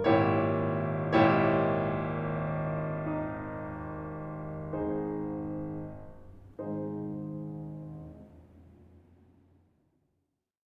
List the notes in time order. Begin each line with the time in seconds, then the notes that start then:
0.01 G#1 A#2 E4 G4 C#5
0.66 G#1 A#2 E4 G4 C#5
2.17 D#4
3.47 G#1 G#2 D#4 G#4 C5
5.18 G#1 G#2 D#4 G#4 C5